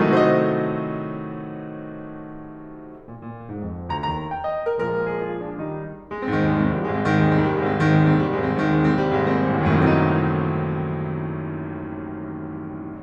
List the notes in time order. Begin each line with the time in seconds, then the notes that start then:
0.00 A3
0.07 D#4
0.13 F#4
0.19 A4
0.24 C5
0.30 D#5
2.93 A#2
3.08 A#2
3.41 G#2
3.58 F2
3.90 D2 A#5
4.06 D#2 A#5
4.31 G5
4.45 D#5
4.70 A#4
4.83 A#2 F3 G#3 A#4
5.12 G#4
5.31 F4
5.55 D4
5.69 D#3 G3 D#4
6.13 G#3
6.25 C4
6.36 G#2 D#3
6.47 D#2 G#3
6.61 C2 C4
6.73 D#2 G3
6.85 C2 G#3
6.97 G#1 C4
7.09 G#2 D#3
7.77 D#2 G#3
7.96 C2 C4
8.09 D#2 G3
8.20 C2 G#3
8.31 G#1 C4
8.43 G#2 D#3
8.59 D#2 G#3
8.79 C2 C4
8.90 D#2 G3
9.06 C2 G#3
9.20 G#1 C4
9.50 G#2 D#3
9.66 D#2 G#3
9.80 C2 C4
9.91 D#2 G3
10.05 C2 G#3
10.19 G#1 C4
10.30 A1
10.37 C2
10.44 D#2
10.51 F#2
10.57 A2
10.67 D#3
10.86 F#3
10.98 A3
11.09 C4
11.13 D#4